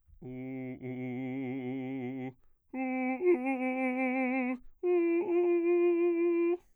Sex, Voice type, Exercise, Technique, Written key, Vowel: male, bass, long tones, trillo (goat tone), , u